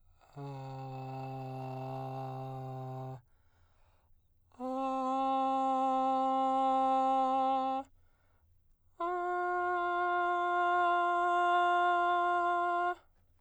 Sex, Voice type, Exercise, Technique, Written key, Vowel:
male, baritone, long tones, full voice pianissimo, , a